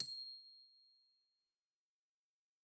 <region> pitch_keycenter=96 lokey=95 hikey=97 volume=19.208163 xfin_lovel=84 xfin_hivel=127 ampeg_attack=0.004000 ampeg_release=15.000000 sample=Idiophones/Struck Idiophones/Glockenspiel/glock_loud_C7_01.wav